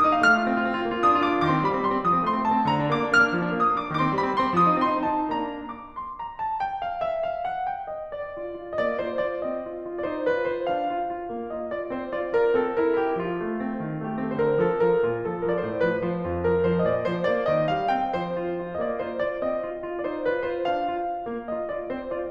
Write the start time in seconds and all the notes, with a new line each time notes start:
0.00 A#3 D#6
0.12 D#4
0.22 A3 F5
0.28 F6
0.33 F4
0.46 C4
0.58 F4
0.67 C4
0.77 F4
0.85 A#3
0.96 F4
1.07 D4 D#6
1.16 F4
1.25 D4 D6
1.35 F4
1.44 D#3 C6 D6
1.53 C4
1.64 G3 B5
1.74 C4
1.82 G3 C6
1.94 C4
2.04 F3 D#6
2.12 C4
2.22 A3 C6
2.31 C4
2.43 A3 A5
2.54 C4
2.64 D3 A#5
2.75 D4
2.84 A#3 D6
3.03 D4
3.15 A#3 F6
3.24 D4
3.33 F3
3.41 D4
3.48 A#3 D#6
3.59 D4
3.70 A#3 D6
3.84 D4
3.94 D#3 C6 D6
4.03 C4
4.12 G3 B5
4.24 C4
4.37 G3 C6
4.50 C4
4.60 F3 D#6
4.73 C4
4.82 A3 C6
4.93 C4
5.05 A3 A5
5.17 C4
5.26 A#3 D4 A#5
5.63 D6
5.92 C6
6.19 A#5
6.40 A5
6.59 G5
6.83 F5
7.05 E5
7.27 F5
7.45 F#5
7.66 G5
7.87 D#5
8.12 D5
8.38 F4
8.58 F4
8.78 A#3 D#5
8.82 D5
9.08 F4 C5
9.28 F4 D5
9.45 C4 D#5
9.64 F4
9.86 F4
10.01 D#4 D5
10.05 C5
10.29 F4 B4
10.52 F4 C5
10.73 D4 F5
10.94 F4
11.06 F4
11.30 A#3
11.53 F4 D#5
11.74 F4 D5
11.91 C4 C5
12.12 F4 D5
12.31 F4 A#4
12.55 C4 A4
12.82 E4 A#4
13.01 E4 G4
13.22 F3 F4
13.42 A3
13.66 C4
13.85 D#3
14.04 A3 G4
14.22 C4 A4
14.38 D3 C5
14.45 A#4
14.62 F3 A4
14.80 F3 A#4
15.01 A#2 F4
15.15 F3 A4
15.37 F3 A#4
15.55 A2 D5
15.62 C5
15.77 F3 B4
16.01 F3 C5
16.25 F2 F4
16.43 F3 A#4
16.60 F3 C5
16.80 A#2 D#5
16.85 D5
17.00 F3 C5
17.28 A#3 D5
17.50 D#3 D#5
17.68 G3 F5
17.89 C4 G5
18.09 F3 C5
18.31 F4
18.55 F4
18.76 A#3 D#5
18.85 D5
19.08 F4 C5
19.27 F4 D5
19.44 C4 D#5
19.64 F4
19.80 F4
19.97 D#4 D5
20.02 C5
20.17 F4 B4
20.42 F4 C5
20.68 D4 F5
20.89 F4
21.07 F4
21.26 A#3
21.50 F4 D#5
21.72 F4 D5
21.91 C4 C5
22.11 F4 D5